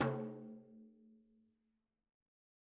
<region> pitch_keycenter=64 lokey=64 hikey=64 volume=15.365214 lovel=84 hivel=127 seq_position=2 seq_length=2 ampeg_attack=0.004000 ampeg_release=15.000000 sample=Membranophones/Struck Membranophones/Frame Drum/HDrumS_Hit_v3_rr2_Sum.wav